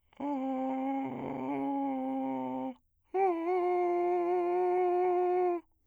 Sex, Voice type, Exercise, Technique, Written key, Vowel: male, bass, long tones, inhaled singing, , a